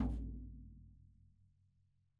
<region> pitch_keycenter=63 lokey=63 hikey=63 volume=16.820760 lovel=66 hivel=99 seq_position=2 seq_length=2 ampeg_attack=0.004000 ampeg_release=30.000000 sample=Membranophones/Struck Membranophones/Snare Drum, Rope Tension/Low/RopeSnare_low_ns_Main_vl2_rr2.wav